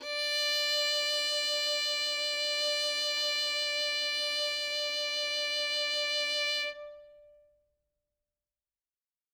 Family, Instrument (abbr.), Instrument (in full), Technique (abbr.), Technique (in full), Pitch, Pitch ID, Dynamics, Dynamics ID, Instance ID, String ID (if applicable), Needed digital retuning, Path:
Strings, Vn, Violin, ord, ordinario, D5, 74, ff, 4, 1, 2, FALSE, Strings/Violin/ordinario/Vn-ord-D5-ff-2c-N.wav